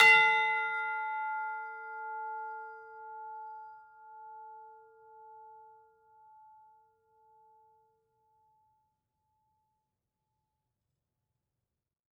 <region> pitch_keycenter=77 lokey=77 hikey=79 volume=6.808567 lovel=84 hivel=127 ampeg_attack=0.004000 ampeg_release=30.000000 sample=Idiophones/Struck Idiophones/Tubular Bells 2/TB_hit_F5_v4_1.wav